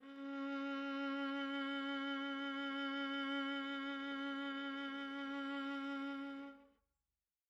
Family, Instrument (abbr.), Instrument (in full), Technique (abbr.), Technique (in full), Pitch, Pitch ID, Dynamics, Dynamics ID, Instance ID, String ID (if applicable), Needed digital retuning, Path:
Strings, Va, Viola, ord, ordinario, C#4, 61, mf, 2, 3, 4, FALSE, Strings/Viola/ordinario/Va-ord-C#4-mf-4c-N.wav